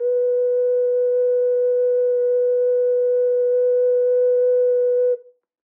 <region> pitch_keycenter=71 lokey=71 hikey=72 volume=-1.458856 trigger=attack ampeg_attack=0.004000 ampeg_release=0.100000 sample=Aerophones/Edge-blown Aerophones/Ocarina, Typical/Sustains/Sus/StdOcarina_Sus_B3.wav